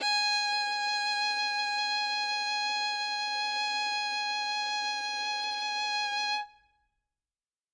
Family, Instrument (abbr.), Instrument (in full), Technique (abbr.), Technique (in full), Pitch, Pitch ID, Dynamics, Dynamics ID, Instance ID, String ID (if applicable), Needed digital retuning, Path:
Strings, Vn, Violin, ord, ordinario, G#5, 80, ff, 4, 2, 3, FALSE, Strings/Violin/ordinario/Vn-ord-G#5-ff-3c-N.wav